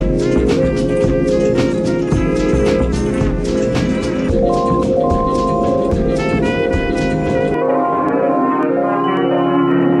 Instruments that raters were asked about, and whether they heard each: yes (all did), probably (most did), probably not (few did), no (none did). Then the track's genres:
trumpet: probably
trombone: probably
saxophone: probably
Experimental; Sound Collage; Trip-Hop